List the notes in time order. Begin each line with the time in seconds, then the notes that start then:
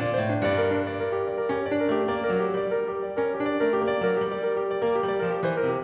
0.01 A#2 D5
0.13 C5
0.23 A2
0.33 D4
0.46 G2 D5
0.64 A#4
0.84 D4
1.02 D5
1.13 A#4
1.24 G4
1.36 D5
1.49 A#4
1.54 C#4
1.60 G4
1.71 D4 D5
1.82 A#4
1.86 A3
1.96 G4
2.14 A#3 D5
2.30 A#4
2.37 F#3
2.44 G4
2.58 G3 D5
2.72 A#4
2.86 G4
3.09 D5
3.20 A#4
3.25 C#4
3.30 G4
3.47 D4 D5
3.66 A#4
3.73 A3
3.81 G4
3.95 A#3 D5
4.07 A#4
4.13 F#3
4.17 G4
4.32 G3 D5
4.44 A#4
4.56 G4
4.70 D5
4.80 A#4
4.86 A#3
4.93 G4
5.04 G3 D5
5.16 A#4
5.22 F3
5.30 G4
5.43 E3 C5
5.59 A#4
5.65 C3
5.71 G4